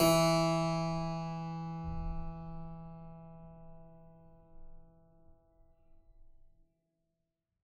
<region> pitch_keycenter=40 lokey=39 hikey=41 volume=-1.304560 trigger=attack ampeg_attack=0.004000 ampeg_release=0.40000 amp_veltrack=0 sample=Chordophones/Zithers/Harpsichord, Flemish/Sustains/High/Harpsi_High_Far_E2_rr1.wav